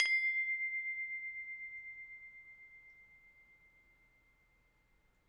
<region> pitch_keycenter=84 lokey=84 hikey=85 volume=11.139223 offset=2225 lovel=66 hivel=99 ampeg_attack=0.004000 ampeg_release=30.000000 sample=Idiophones/Struck Idiophones/Tubular Glockenspiel/C1_medium1.wav